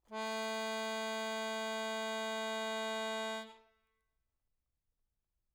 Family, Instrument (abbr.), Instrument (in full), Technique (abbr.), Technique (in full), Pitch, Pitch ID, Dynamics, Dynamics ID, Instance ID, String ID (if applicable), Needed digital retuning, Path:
Keyboards, Acc, Accordion, ord, ordinario, A3, 57, mf, 2, 2, , FALSE, Keyboards/Accordion/ordinario/Acc-ord-A3-mf-alt2-N.wav